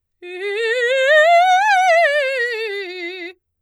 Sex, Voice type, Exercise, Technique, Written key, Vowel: female, soprano, scales, fast/articulated forte, F major, i